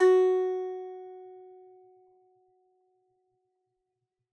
<region> pitch_keycenter=66 lokey=66 hikey=66 volume=-10.175154 lovel=66 hivel=99 ampeg_attack=0.004000 ampeg_release=15.000000 sample=Chordophones/Composite Chordophones/Strumstick/Finger/Strumstick_Finger_Str3_Main_F#3_vl2_rr1.wav